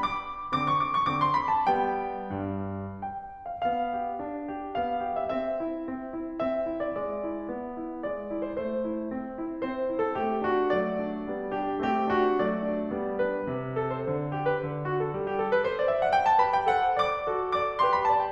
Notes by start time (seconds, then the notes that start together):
0.00 D6
0.53 D3 C4 D6
0.68 C#6
0.81 D6
0.94 C#6
1.06 D3 C4 D6
1.18 C6
1.36 B5
1.54 A5
1.68 G3 B3 G5
2.37 G2
3.04 G5
3.48 F5
3.63 B3 F5
3.92 G4
4.20 D4
4.50 G4
4.76 B3 F5
5.06 G4
5.19 E5
5.34 C4 E5
5.62 E4
5.91 C4
6.15 E4
6.41 C4 E5
6.69 E4
6.83 D5
6.99 G#3 D5
7.27 E4
7.56 B3
7.78 E4
8.05 G#3 D5
8.35 E4
8.46 C5
8.58 A3 C5
8.89 E4
9.13 C4
9.42 E4
9.65 C4 C5
9.93 E4
10.05 A4
10.17 A3 C4 G4
10.52 D4 F#4
10.80 F#3 A3 D5
11.03 D4
11.27 G3 B3
11.52 D4 G4
11.83 A3 C4 G4
12.14 D4 F#4
12.41 F#3 A3 D5
12.74 D4
12.98 G3 B3
13.24 D4 B4
13.51 C3
13.77 A4
13.91 C5
14.06 D3
14.34 G4
14.45 B4
14.58 D3
14.86 F#4
15.01 A4
15.13 G3
15.27 G4
15.39 A4
15.50 B4
15.64 C5
15.78 D5
15.91 E5
16.01 F#5
16.16 G5
16.25 A5
16.40 G4 B4 B5
16.56 G5
16.70 A4 C5 F#5
16.95 D5 D6
17.26 F#4 A4
17.54 D5 D6
17.80 G4 B4 C6
17.90 B5
18.04 D5 A5
18.17 G5